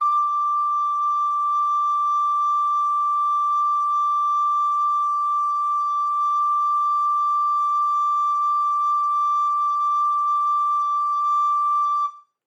<region> pitch_keycenter=86 lokey=86 hikey=87 volume=7.886456 offset=201 ampeg_attack=0.005000 ampeg_release=0.300000 sample=Aerophones/Edge-blown Aerophones/Baroque Soprano Recorder/Sustain/SopRecorder_Sus_D5_rr1_Main.wav